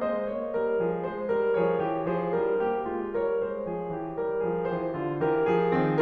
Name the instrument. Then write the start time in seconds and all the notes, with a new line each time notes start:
piano
0.00 G#3 C5 D#5
0.24 A#3 C#5
0.59 G3 A#4
0.85 F3 G#4
1.14 G#3 C5
1.35 G3 A#4
1.60 F3 G#4 C#5
1.85 E3 G4
2.14 F3 G#4 C5
2.36 G3 E4 A#4
2.60 A#3 G4
2.93 G#3 F4
3.18 G3 A#4 C#5
3.41 G#3 C5
3.67 F3 G#4
3.95 E3 G4
4.19 G3 A#4
4.45 F3 G#4
4.68 E3 G4 C5
4.93 D3 F4
5.20 E3 G4 A#4
5.47 F3 G#4
5.74 D#3 C4